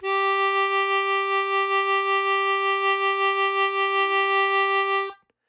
<region> pitch_keycenter=67 lokey=66 hikey=69 volume=4.487690 trigger=attack ampeg_attack=0.004000 ampeg_release=0.100000 sample=Aerophones/Free Aerophones/Harmonica-Hohner-Super64/Sustains/Vib/Hohner-Super64_Vib_G3.wav